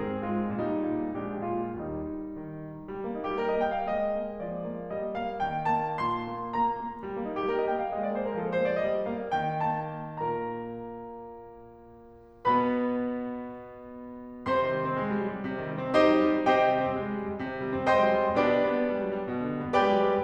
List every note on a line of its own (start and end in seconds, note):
0.00 0.22 G#2
0.00 0.46 C4
0.00 0.22 G#4
0.23 0.46 G#3
0.23 0.46 F4
0.48 0.75 A#2
0.48 1.09 G3
0.48 1.09 D#4
0.77 1.09 A#2
1.13 1.36 A#1
1.13 1.80 G#3
1.13 1.80 D4
1.13 1.36 G4
1.37 1.80 A#2
1.37 1.80 F4
1.80 2.39 D#2
1.80 2.39 G3
1.80 2.39 D#4
2.39 2.88 D#3
2.88 3.03 G3
3.04 3.13 A#3
3.15 3.38 A#3
3.15 3.27 D#4
3.29 3.38 G4
3.38 3.85 G3
3.38 3.47 A#4
3.47 3.58 D#5
3.59 3.85 A#3
3.59 3.73 G5
3.74 3.85 F5
3.87 4.42 G#3
3.87 4.42 D#5
4.16 4.42 A#3
4.44 4.91 F3
4.44 4.91 D5
4.69 4.91 A#3
4.92 5.40 G3
4.92 5.17 D#5
5.17 5.40 A#3
5.17 5.40 F5
5.41 6.00 D#3
5.41 5.65 G5
5.65 6.00 A#3
5.65 6.00 A5
6.04 6.28 A#2
6.04 6.55 C6
6.29 6.55 A#3
6.56 6.83 A#3
6.56 7.04 A#5
6.84 7.04 A#3
7.05 7.14 G3
7.15 7.21 A#3
7.22 7.47 A#3
7.22 7.33 D#4
7.33 7.47 G4
7.48 7.92 G3
7.48 7.57 A#4
7.58 7.67 D#5
7.69 7.92 A#3
7.69 7.79 G5
7.81 7.92 F5
7.92 8.41 G#3
7.92 8.02 D#5
8.03 8.14 D5
8.15 8.41 A#3
8.15 8.27 C5
8.28 8.41 A#4
8.41 8.84 F3
8.41 8.52 A4
8.53 8.63 A#4
8.64 8.84 A#3
8.64 8.74 C5
8.75 8.84 D5
8.84 9.36 G3
8.84 9.09 D#5
9.11 9.36 A#3
9.11 9.36 F5
9.37 9.95 D#3
9.37 9.65 G5
9.71 9.95 A#3
9.71 9.95 A5
9.96 12.47 A#2
9.96 12.47 A#3
9.96 12.47 A#4
9.96 12.47 A#5
12.48 14.51 B2
12.48 14.51 B3
12.48 14.51 B4
12.48 14.51 B5
14.52 14.79 C3
14.52 15.45 C5
14.52 15.45 C6
14.68 14.90 D#3
14.79 15.00 G3
14.91 15.08 C4
15.01 15.21 G#3
15.09 15.31 G3
15.21 15.45 F#3
15.36 15.58 G3
15.46 15.71 C3
15.59 15.85 D#3
15.72 15.95 G3
15.85 16.10 C4
15.96 16.23 G#3
15.96 16.45 D#4
15.96 16.45 G4
15.96 16.45 C5
15.96 16.45 D#5
16.11 16.32 G3
16.23 16.45 F#3
16.32 16.59 G3
16.46 16.74 C3
16.46 17.38 G4
16.46 17.38 C5
16.46 17.38 D#5
16.46 17.38 G5
16.60 16.85 D#3
16.75 16.94 G3
16.86 17.07 C4
16.94 17.16 G#3
17.08 17.25 G3
17.17 17.38 F#3
17.26 17.47 G3
17.38 17.58 C3
17.48 17.69 D#3
17.59 17.89 G3
17.71 18.00 C4
17.89 18.11 G#3
17.89 18.38 C5
17.89 18.38 D#5
17.89 18.38 G5
17.89 18.38 C6
18.01 18.24 G3
18.12 18.38 F#3
18.26 18.55 G3
18.40 18.70 B2
18.40 19.31 D4
18.40 19.31 G4
18.40 19.31 B4
18.40 19.31 D5
18.55 18.81 D3
18.72 18.91 G3
18.82 19.01 B3
18.92 19.11 G#3
19.01 19.20 G3
19.12 19.31 F#3
19.21 19.45 G3
19.32 19.56 B2
19.45 19.66 D3
19.57 19.75 G3
19.67 19.88 B3
19.76 19.98 G#3
19.76 20.22 G4
19.76 20.22 B4
19.76 20.22 D5
19.76 20.22 G5
19.89 20.09 G3
19.98 20.22 F#3
20.10 20.24 G3